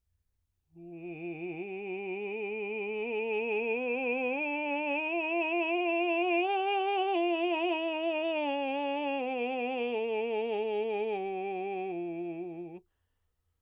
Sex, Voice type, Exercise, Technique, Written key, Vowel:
male, baritone, scales, slow/legato forte, F major, u